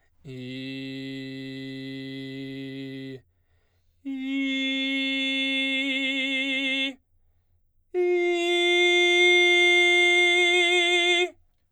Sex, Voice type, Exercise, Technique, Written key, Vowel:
male, baritone, long tones, full voice forte, , i